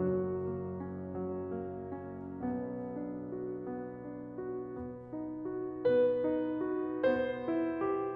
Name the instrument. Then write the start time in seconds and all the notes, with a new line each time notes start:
piano
0.00 F#1 F#2 F#3 F#4
0.45 A#3
0.77 C#4
1.13 F#3
1.53 A#3
1.92 C#4
2.40 B1 B2 B3
2.89 D4
3.31 F#4
3.66 B3
4.02 D4
4.40 F#4
4.74 B3
5.09 D#4
5.45 F#4
5.85 B3 B4
6.25 D#4
6.65 F#4
6.99 B3 C5
7.44 E4
7.83 G4